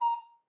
<region> pitch_keycenter=82 lokey=82 hikey=83 tune=-9 volume=13.863774 offset=133 ampeg_attack=0.005 ampeg_release=10.000000 sample=Aerophones/Edge-blown Aerophones/Baroque Soprano Recorder/Staccato/SopRecorder_Stac_A#4_rr1_Main.wav